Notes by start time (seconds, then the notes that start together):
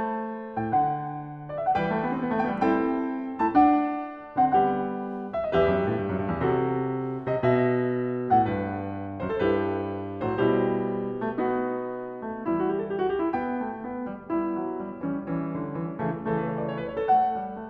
0.00 A5
0.50 A2
0.65 G5
0.72 D3
0.88 F#5
1.52 D5
1.66 E5
1.73 E3 G3
1.80 B4 F#5
1.88 A3
1.93 G5
2.01 B3
2.12 C4
2.24 B3
2.33 A3
2.43 B3
2.57 G3
2.61 G5
2.66 C4 E4
2.72 A4
2.77 G5
3.19 A3 E4
3.36 A5
3.40 D4
3.58 F#5
4.26 D3 C4
4.45 F#5
4.49 G3 B3
4.57 G4
4.73 F#5
4.82 E5
4.88 F#5
5.41 E2 E5
5.47 G4
5.54 F#2 B4 D#5
5.65 G2 E5
5.84 A2
5.96 G2
6.10 F#2
6.23 G2
6.36 E2
6.50 C3 F#4
6.61 A4
7.20 C3
7.38 B2 D5
7.60 E5
8.19 A2
8.42 F#5
8.46 G2
8.73 B4
9.23 F#2
9.42 G2 C5
9.46 E4
9.52 G4 A4
9.64 B4
10.24 A2 F#3
10.30 E4
10.41 C5
10.46 B2 G3
10.53 E4
10.65 G4
11.18 A3
11.48 B3
11.54 D#4
11.66 G4
11.74 F#4
11.78 G4
11.88 F#4
11.95 G4
12.05 F#4
12.13 A3 G4
12.20 F#4
12.27 G4
12.39 E3 G3 F#4
12.46 E4
12.54 F#4
12.81 F#4
12.89 G4
13.03 A4
13.12 G4
13.22 F#4
13.33 B3 G4
13.44 E4
13.60 A3 G5
13.84 B3
14.06 G3
14.32 G3 B3
14.38 E4
14.59 F#3
14.80 G3
15.00 E3 G3
15.08 C#4
15.27 E3 G3
15.36 C#4
15.52 D3
15.75 E3
15.94 C#3 E3
16.00 A3
16.16 C#3 E3
16.22 A3
16.35 A4
16.43 B4
16.50 C#5
16.60 D5
16.78 C#5
16.85 B4
16.90 A3 C#5
17.00 A4
17.16 F#5
17.28 G3
17.52 A3